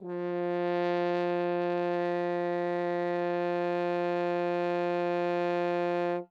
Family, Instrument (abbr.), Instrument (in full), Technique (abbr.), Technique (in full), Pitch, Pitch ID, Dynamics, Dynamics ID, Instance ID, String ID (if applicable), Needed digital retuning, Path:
Brass, Hn, French Horn, ord, ordinario, F3, 53, ff, 4, 0, , FALSE, Brass/Horn/ordinario/Hn-ord-F3-ff-N-N.wav